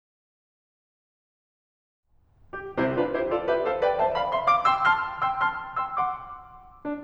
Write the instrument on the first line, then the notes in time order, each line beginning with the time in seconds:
piano
2.54 G4
2.80 C2 C3 E4 G4 C5
2.97 D4 F4 B4
3.15 E4 G4 C5
3.28 F4 A4 D5
3.44 G4 B4 E5
3.61 A4 C5 F5
3.82 B4 D5 G5
4.00 C5 E5 A5
4.18 D5 F5 B5
4.35 E5 G5 C6
4.54 F5 A5 D6
4.72 G5 C6 E6
4.90 A5 C6 F6
5.25 G5 C6 E6
5.42 A5 C6 F6
5.80 G5 C6 E6
5.97 F#5 C6 D6
6.85 D4